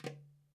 <region> pitch_keycenter=64 lokey=64 hikey=64 volume=6.715261 lovel=0 hivel=83 seq_position=1 seq_length=2 ampeg_attack=0.004000 ampeg_release=30.000000 sample=Membranophones/Struck Membranophones/Darbuka/Darbuka_5_hit_vl1_rr1.wav